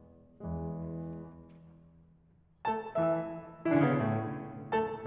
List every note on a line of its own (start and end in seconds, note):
0.47 1.36 E2
0.47 1.36 E3
0.47 1.36 G#3
2.76 2.96 A3
2.76 2.96 A4
2.76 2.96 A5
2.96 3.51 E3
2.96 3.51 E4
2.96 3.51 E5
3.73 3.80 E3
3.73 3.80 E4
3.80 3.85 D3
3.80 3.85 D4
3.86 3.92 C#3
3.86 3.92 C#4
3.92 3.97 B2
3.92 3.97 B3
3.97 4.46 A2
3.97 4.46 A3
4.74 5.07 A3
4.74 5.07 A4
4.74 5.07 A5